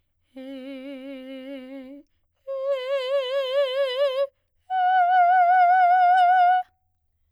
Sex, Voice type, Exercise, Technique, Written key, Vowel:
female, soprano, long tones, full voice pianissimo, , e